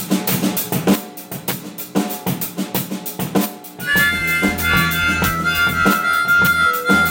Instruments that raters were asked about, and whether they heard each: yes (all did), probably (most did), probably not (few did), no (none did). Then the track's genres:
cymbals: yes
drums: yes
Experimental Pop